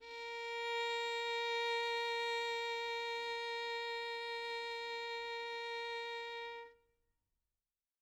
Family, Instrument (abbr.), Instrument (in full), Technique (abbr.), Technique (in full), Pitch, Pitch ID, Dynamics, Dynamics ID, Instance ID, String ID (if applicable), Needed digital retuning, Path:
Strings, Vn, Violin, ord, ordinario, A#4, 70, mf, 2, 1, 2, FALSE, Strings/Violin/ordinario/Vn-ord-A#4-mf-2c-N.wav